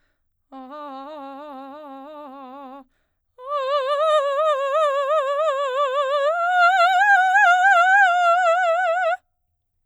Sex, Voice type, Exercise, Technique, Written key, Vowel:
female, soprano, long tones, trill (upper semitone), , a